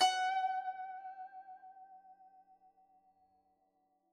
<region> pitch_keycenter=78 lokey=77 hikey=79 volume=9.141900 lovel=0 hivel=83 ampeg_attack=0.004000 ampeg_release=0.300000 sample=Chordophones/Zithers/Dan Tranh/Vibrato/F#4_vib_mf_1.wav